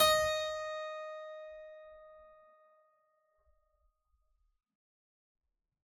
<region> pitch_keycenter=75 lokey=75 hikey=75 volume=1.727595 trigger=attack ampeg_attack=0.004000 ampeg_release=0.400000 amp_veltrack=0 sample=Chordophones/Zithers/Harpsichord, Unk/Sustains/Harpsi4_Sus_Main_D#4_rr1.wav